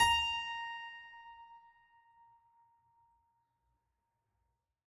<region> pitch_keycenter=82 lokey=82 hikey=83 volume=0.409680 trigger=attack ampeg_attack=0.004000 ampeg_release=0.400000 amp_veltrack=0 sample=Chordophones/Zithers/Harpsichord, French/Sustains/Harpsi2_Normal_A#4_rr1_Main.wav